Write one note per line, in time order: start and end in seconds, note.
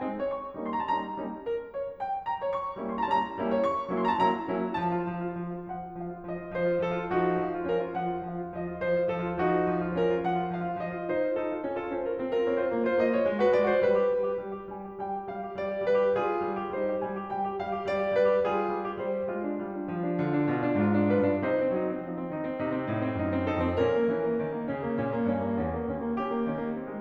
0.00 0.27 G#3
0.00 0.27 C4
0.00 0.27 D#4
0.22 0.29 C#5
0.27 0.71 C#6
0.58 0.88 G3
0.58 0.88 A#3
0.58 0.88 C#4
0.58 0.88 D#4
0.72 0.84 C6
0.78 0.88 A#5
0.85 0.88 A5
0.89 1.18 G3
0.89 1.18 A#3
0.89 1.18 C#4
0.89 1.18 D#4
0.89 1.18 A#5
1.20 1.45 G3
1.20 1.45 A#3
1.20 1.45 C#4
1.20 1.45 D#4
1.46 1.74 A#4
1.74 1.97 C#5
1.97 2.23 G5
2.23 2.51 A#5
2.45 2.52 C#5
2.51 2.89 C#6
2.77 3.08 G3
2.77 3.08 A#3
2.77 3.08 C#4
2.77 3.08 D#4
2.90 3.01 C6
2.96 3.08 A#5
3.01 3.08 A5
3.09 3.37 G3
3.09 3.37 A#3
3.09 3.37 C#4
3.09 3.37 D#4
3.09 3.37 A#5
3.37 3.56 G3
3.37 3.56 A#3
3.37 3.56 C#4
3.37 3.56 D#4
3.52 3.59 C#5
3.56 4.01 C#6
3.88 4.18 F#3
3.88 4.18 A#3
3.88 4.18 C#4
3.88 4.18 D#4
4.02 4.13 C6
4.08 4.18 A#5
4.14 4.18 A5
4.19 4.48 F#3
4.19 4.48 A#3
4.19 4.48 C#4
4.19 4.48 D#4
4.19 4.48 A#5
4.49 4.73 F#3
4.49 4.73 A#3
4.49 4.73 C#4
4.49 4.73 D#4
4.74 4.88 F3
4.74 5.07 A5
4.89 5.07 F4
5.07 5.24 F3
5.24 5.39 F4
5.39 5.53 F3
5.53 5.70 F4
5.70 5.85 F3
5.70 5.98 F#5
5.85 5.98 F4
5.99 6.14 F3
5.99 6.26 F5
6.15 6.26 F4
6.27 6.36 F3
6.27 6.52 D#5
6.37 6.52 F4
6.54 6.68 F3
6.54 6.80 C5
6.69 6.80 F4
6.80 6.95 F3
6.80 7.09 A4
6.95 7.09 F4
7.09 7.36 F3
7.09 7.65 D#4
7.09 7.50 F#4
7.36 7.65 F3
7.50 7.65 F4
7.66 7.79 F3
7.66 7.93 C#4
7.66 7.93 A#4
7.80 7.93 F4
7.94 8.06 F3
7.94 8.22 F#5
8.07 8.22 F4
8.23 8.35 F3
8.23 8.51 F5
8.36 8.51 F4
8.52 8.64 F3
8.52 8.77 D#5
8.64 8.77 F4
8.77 8.93 F3
8.77 9.07 C5
8.93 9.07 F4
9.07 9.22 F3
9.07 9.42 A4
9.22 9.42 F4
9.42 9.67 F3
9.42 9.95 D#4
9.42 9.81 F#4
9.68 9.95 F3
9.81 9.95 F4
9.96 10.11 F3
9.96 10.27 C#4
9.96 10.27 A#4
10.12 10.27 F4
10.29 10.46 F3
10.29 10.63 F#5
10.46 10.63 F4
10.63 10.72 F3
10.63 10.80 F5
10.72 10.80 F4
10.80 10.91 F3
10.80 11.10 D#5
10.91 11.10 F4
11.10 11.25 D#4
11.10 11.37 C5
11.26 11.37 F4
11.37 11.49 D#4
11.37 11.66 A4
11.51 11.66 F4
11.67 11.80 C#4
11.81 11.91 F4
11.81 11.91 A4
11.92 12.05 C#4
11.92 12.05 C5
12.06 12.18 F4
12.06 12.18 A#4
12.18 12.33 C4
12.33 12.46 F4
12.33 12.46 A#4
12.46 12.60 C4
12.46 12.60 C#5
12.60 12.72 F4
12.60 12.72 C5
12.72 12.89 A#3
12.89 13.01 F4
12.89 13.01 C5
13.01 13.12 A#3
13.01 13.12 D#5
13.13 13.25 F4
13.13 13.25 C#5
13.26 13.36 G#3
13.37 13.51 F#4
13.37 13.51 B4
13.53 13.63 G#3
13.53 13.63 C#5
13.64 13.76 F#4
13.64 13.76 C5
13.76 13.94 G3
13.76 14.12 B4
13.94 14.12 G4
14.12 14.27 G3
14.27 14.42 G4
14.42 14.57 G3
14.57 14.70 G4
14.72 14.84 G3
14.72 15.00 G#5
14.85 15.00 G4
15.01 15.16 G3
15.01 15.31 G5
15.17 15.31 G4
15.33 15.45 G3
15.33 15.57 F5
15.45 15.57 G4
15.58 15.71 G3
15.58 15.86 D5
15.71 15.86 G4
15.86 16.04 G3
15.86 16.22 B4
16.04 16.22 G4
16.22 16.47 G3
16.22 16.71 F4
16.22 16.59 G#4
16.47 16.71 G3
16.60 16.71 G4
16.72 16.85 G3
16.72 17.01 D#4
16.72 17.01 C5
16.86 17.01 G4
17.02 17.16 G3
17.02 17.31 G#5
17.17 17.31 G4
17.32 17.46 G3
17.32 17.61 G5
17.46 17.61 G4
17.61 17.73 G3
17.61 17.86 F5
17.73 17.86 G4
17.86 17.98 G3
17.86 18.10 D5
17.98 18.10 G4
18.10 18.24 G3
18.10 18.40 B4
18.25 18.40 G4
18.41 18.68 G3
18.41 18.97 F4
18.41 18.83 G#4
18.69 18.97 G3
18.84 18.97 G4
18.98 19.27 G3
18.98 19.27 D#4
18.98 19.27 C5
19.27 19.53 G#3
19.27 19.38 F4
19.38 19.53 D4
19.53 19.86 G3
19.53 19.70 F4
19.70 19.86 D4
19.86 20.15 F3
19.86 20.00 F4
20.00 20.15 D4
20.17 20.46 D3
20.17 20.31 F4
20.33 20.46 D4
20.47 20.74 B2
20.47 20.58 F4
20.60 20.74 D4
20.75 21.23 G#2
20.75 20.93 F4
20.94 21.12 D4
21.12 21.23 F4
21.12 21.40 B4
21.23 21.40 G2
21.23 21.40 D4
21.40 21.65 C3
21.40 21.51 D#4
21.40 21.65 C5
21.51 21.65 C4
21.65 21.95 F#3
21.65 21.80 D#4
21.80 21.95 C4
21.97 22.26 F3
21.97 22.09 D#4
22.11 22.26 C4
22.27 22.58 D#3
22.27 22.45 D#4
22.47 22.58 C4
22.60 22.88 C3
22.60 22.74 D#4
22.76 22.88 C4
22.89 23.22 A2
22.89 23.06 D#4
23.06 23.22 C4
23.22 23.66 F#2
23.22 23.36 D#4
23.36 23.51 C4
23.51 23.66 D#4
23.51 23.79 A4
23.66 23.79 F2
23.66 23.79 C4
23.79 24.09 A#2
23.79 23.97 C#4
23.79 24.09 A#4
23.99 24.09 A#3
24.10 24.39 E3
24.10 24.22 C#4
24.23 24.39 A#3
24.40 24.68 D#3
24.40 24.53 C#4
24.54 24.68 A#3
24.71 24.97 C#3
24.71 24.83 C#4
24.83 24.97 A#3
24.97 25.31 A#2
24.97 25.17 C#4
25.17 25.31 A#3
25.31 25.63 G2
25.31 25.48 C#4
25.48 25.63 A#3
25.63 25.95 E2
25.63 25.79 C#4
25.80 25.95 A#3
25.96 26.45 D#2
25.96 26.10 C#4
26.11 26.23 A#3
26.23 26.35 C#4
26.23 26.71 G4
26.35 26.45 A#3
26.46 27.00 D#3
26.46 26.58 C#4
26.58 26.71 A#3
26.71 26.85 C4
26.85 27.00 G#3